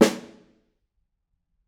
<region> pitch_keycenter=61 lokey=61 hikey=61 volume=1.844433 offset=221 lovel=111 hivel=127 seq_position=1 seq_length=2 ampeg_attack=0.004000 ampeg_release=15.000000 sample=Membranophones/Struck Membranophones/Snare Drum, Modern 1/Snare2_HitSN_v9_rr1_Mid.wav